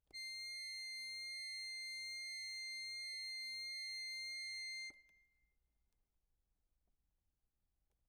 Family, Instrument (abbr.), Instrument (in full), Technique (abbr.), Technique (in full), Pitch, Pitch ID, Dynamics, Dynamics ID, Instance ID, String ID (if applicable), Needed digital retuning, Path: Keyboards, Acc, Accordion, ord, ordinario, C7, 96, ff, 4, 1, , FALSE, Keyboards/Accordion/ordinario/Acc-ord-C7-ff-alt1-N.wav